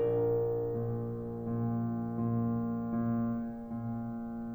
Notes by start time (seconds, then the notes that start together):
0.01 A#1 D4 A#4
0.69 A#2
1.40 A#2
2.17 A#2
2.99 A#2
3.88 A#2